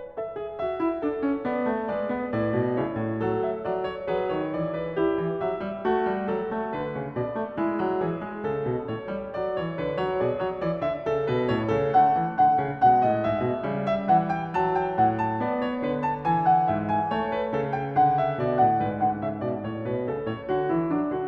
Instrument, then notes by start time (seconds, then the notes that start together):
piano
0.00 B4
0.20 A4 E5
0.42 G#4
0.62 F#4 E5
0.84 E4
1.02 D4 A4
1.24 C#4
1.40 D5
1.49 B3
1.67 A3
1.83 B4 D5
1.88 G#3
2.11 B3
2.28 A2 B4 D5
2.55 B2
2.74 C#3 E4 C#5
2.97 A2
3.20 F#3 A4
3.44 E5
3.68 F#3 D5
3.88 C#5
4.13 F#3 G#4 B4
4.32 C#5
4.37 D#3
4.55 E3 D5
4.77 B4
4.98 E4 G4
5.24 E3
5.41 F#3 E5
5.63 G3
5.82 F#4
5.86 A3
6.08 G3
6.29 F#3 A4
6.51 A3
6.73 D3 B4
6.95 C#3
7.14 B2 D5
7.38 A3
7.56 G#3 E4
7.81 F#3
8.03 E3 G#4
8.31 G#3
8.49 C#3 A4
8.71 B2
8.87 A2 C#5
9.13 G3
9.32 F#3 D5
9.53 E3 C#5
9.74 B4
9.79 D3
9.95 F#3 C#5
10.14 G#4 D5
10.18 B2
10.40 F#3 C#5
10.59 E3 D5
10.81 D3 E5
11.10 C#3
11.30 B4
11.34 B2
11.51 A2 C#5
11.69 C#3 A4
11.96 D3 A3 F#5
12.18 E3
12.34 F#5
12.39 D3
12.61 C#3
12.79 F#5
12.84 B2 G#3
13.01 A2 D#5
13.20 G#2 E5
13.44 B2
13.65 C#3 G3
13.91 E5
14.13 E3 F#5
14.32 G5
14.58 F#3 A5
14.77 G5
14.98 A2 F#5
15.17 A5
15.36 B3 D5
15.59 C#5
15.84 D3 B4
16.07 A5
16.27 E3 G#5
16.47 F#5
16.70 G#2 E5
16.89 G#5
17.14 A3 C#5
17.36 B4
17.54 C#3 A4
17.73 G5
17.93 F#5
17.97 D3
18.19 E5
18.39 B2 D5
18.65 A2 F#5
18.85 G#2 B4
19.05 D3 F#5
19.23 C#3 E5
19.42 D5
19.48 B2
19.67 A2 C#5
19.85 B4
19.90 B2
20.06 C#3 A4
20.26 A2 C#5
20.49 F#4
20.54 D3
20.67 E3 E4
20.85 D4
20.90 F#3
21.05 D3 F#4